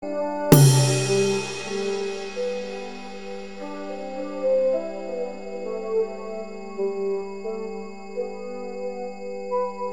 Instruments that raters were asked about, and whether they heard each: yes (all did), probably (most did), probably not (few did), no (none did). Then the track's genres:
flute: no
bass: no
Experimental; Ambient; New Age